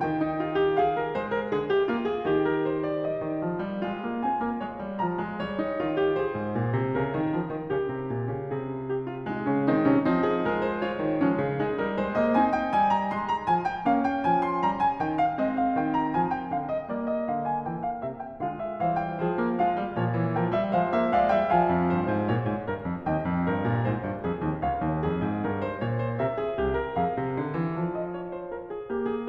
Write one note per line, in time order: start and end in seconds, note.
0.00 1.17 D#3
0.00 0.77 G5
0.21 0.41 D#4
0.41 0.56 F4
0.56 0.77 G4
0.77 1.02 G#4
0.77 2.44 F5
1.02 1.17 A#4
1.17 1.47 G#3
1.17 1.32 C5
1.32 1.47 A#4
1.47 1.89 C#3
1.47 1.67 G#4
1.67 1.89 G4
1.89 2.26 A#3
1.89 2.05 F4
2.05 2.26 G#4
2.26 3.23 D#3
2.26 3.81 G4
2.44 2.62 A#4
2.62 2.83 C5
2.83 3.05 D5
3.05 4.23 D#5
3.24 3.41 D#3
3.41 3.61 F3
3.61 3.82 G3
3.81 4.02 G#3
3.81 5.40 F4
4.02 4.24 A#3
4.23 4.41 C4
4.23 4.61 G#5
4.41 4.62 A#3
4.61 4.82 G#3
4.61 4.99 C#5
4.82 5.03 G3
4.99 5.25 F3
4.99 5.40 A#5
5.25 5.41 G#3
5.40 5.83 G3
5.40 6.19 C#5
5.60 5.82 D#4
5.82 6.20 D#3
5.82 6.00 F4
6.00 6.19 G4
6.19 7.69 G#4
6.19 6.92 C5
6.34 6.55 G#2
6.55 6.76 A#2
6.76 6.93 C3
6.92 7.11 C#3
6.92 8.43 A#4
7.11 7.33 D#3
7.33 7.51 F3
7.51 7.69 D#3
7.69 7.85 C#3
7.69 8.43 G4
7.85 8.08 C3
8.08 8.25 A#2
8.25 8.43 C#3
8.43 9.52 C3
8.43 8.82 G#4
8.43 10.22 G#4
8.82 9.01 G4
9.01 9.28 F4
9.28 9.71 G#3
9.28 9.51 D#4
9.51 9.72 C#3
9.51 9.71 C#4
9.71 9.88 D#3
9.71 9.87 C4
9.71 10.05 D#4
9.87 10.07 C3
9.87 10.05 C#4
10.05 11.02 F3
10.05 10.47 C4
10.05 10.47 D#4
10.27 10.47 G#4
10.47 10.81 G#3
10.47 10.67 A#4
10.67 10.82 C5
10.81 11.20 F4
10.81 11.83 C#5
11.02 11.22 D#3
11.20 11.39 F3
11.20 11.60 G#3
11.20 11.60 C#4
11.39 11.61 C#3
11.60 11.83 G#3
11.60 12.35 D#4
11.60 11.99 G#4
11.83 12.00 G3
11.83 12.00 A#4
12.00 12.21 G#3
12.00 12.21 C5
12.21 12.36 A#3
12.21 12.36 D#5
12.35 12.74 C4
12.35 13.85 D#4
12.35 12.53 G#5
12.53 12.74 G5
12.74 13.08 G3
12.74 12.89 G#5
12.89 13.08 A#5
13.08 13.47 G#3
13.08 13.26 C6
13.26 13.47 A#5
13.47 13.86 F3
13.47 13.63 G#5
13.63 13.86 G5
13.85 14.26 A#3
13.85 15.35 C#4
13.85 14.07 F5
14.07 14.26 G5
14.26 14.65 F3
14.26 14.43 G#5
14.43 14.65 C6
14.65 15.00 G3
14.65 14.79 A#5
14.79 15.00 G#5
15.00 15.36 D#3
15.00 15.17 G5
15.17 15.36 F5
15.35 15.77 G#3
15.35 16.89 C4
15.35 15.53 D#5
15.53 15.77 F5
15.77 16.15 D#3
15.77 15.99 G5
15.99 16.15 A#5
16.15 16.51 F3
16.15 16.32 G#5
16.32 16.51 G5
16.51 16.89 D3
16.51 16.72 F5
16.72 16.89 D#5
16.89 17.26 G3
16.89 18.39 A#3
16.89 17.09 D5
17.09 17.26 D#5
17.26 17.67 D3
17.26 17.47 F5
17.47 17.67 G#5
17.67 18.05 E3
17.67 17.86 G5
17.86 18.05 F5
18.05 18.39 C3
18.05 18.23 E5
18.23 18.39 G5
18.39 18.82 D3
18.39 18.81 G#3
18.39 18.81 F4
18.39 18.62 F5
18.62 18.82 E5
18.81 19.17 E3
18.81 19.38 G3
18.81 19.16 C5
18.81 18.98 F5
18.98 19.17 G5
19.16 19.95 F3
19.16 19.56 G#4
19.16 19.57 C5
19.38 19.56 A#3
19.56 19.77 G#3
19.56 19.93 F4
19.56 20.36 F5
19.77 19.93 G3
19.93 20.76 A#2
19.93 20.14 F3
19.93 20.36 C#5
20.14 20.36 E3
20.36 20.55 F3
20.36 20.75 A#4
20.36 20.56 G5
20.55 20.75 G3
20.55 20.76 E5
20.75 21.51 F3
20.75 20.91 G#3
20.75 21.11 C5
20.75 20.92 F5
20.91 21.11 A#3
20.91 21.12 E5
21.11 21.28 G#3
21.11 21.28 D5
21.11 21.29 F5
21.28 21.50 G3
21.28 21.50 E5
21.28 21.51 G5
21.50 21.91 F3
21.50 21.91 F5
21.50 23.09 G#5
21.70 21.91 F2
21.91 22.12 G2
21.91 22.27 C5
22.12 22.28 G#2
22.27 22.47 A#2
22.27 22.70 C#5
22.47 22.71 G#2
22.70 22.88 G2
22.70 23.09 A#4
22.88 23.09 F2
23.09 23.28 D#2
23.09 23.48 D#5
23.09 24.61 G5
23.28 23.48 F2
23.48 23.66 G2
23.48 23.82 A#4
23.66 23.84 A#2
23.82 24.02 G#2
23.82 24.24 C5
24.02 24.25 G2
24.24 24.38 F2
24.24 24.60 G#4
24.38 24.61 D#2
24.60 24.87 C#2
24.60 25.05 C#5
24.60 26.22 F5
24.87 25.07 D#2
25.05 25.21 F2
25.05 25.44 G#4
25.21 25.45 G#2
25.44 25.82 G2
25.44 25.63 A#4
25.63 25.81 C5
25.81 26.22 A#2
25.81 25.98 C#5
25.98 26.20 C5
26.20 26.59 C3
26.20 26.39 A#4
26.20 27.00 E5
26.39 26.58 G#4
26.58 27.00 C2
26.58 26.76 G4
26.76 26.99 A#4
26.99 27.17 F2
26.99 27.76 G#4
26.99 27.98 F5
27.17 27.38 C3
27.38 27.57 D3
27.57 27.77 E3
27.77 28.87 F3
27.98 28.14 D#5
28.14 28.36 C#5
28.36 28.51 C5
28.51 28.70 A#4
28.70 28.87 G#4
28.87 29.28 A#3
28.87 29.05 G4
29.05 29.28 G#4